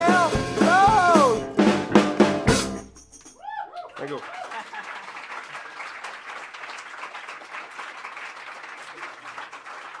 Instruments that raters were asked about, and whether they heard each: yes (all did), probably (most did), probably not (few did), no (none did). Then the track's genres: drums: yes
cymbals: yes
Experimental Pop